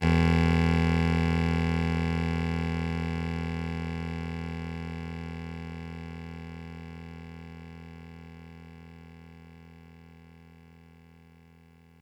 <region> pitch_keycenter=28 lokey=27 hikey=30 volume=6.063962 offset=261 lovel=100 hivel=127 ampeg_attack=0.004000 ampeg_release=0.100000 sample=Electrophones/TX81Z/Clavisynth/Clavisynth_E0_vl3.wav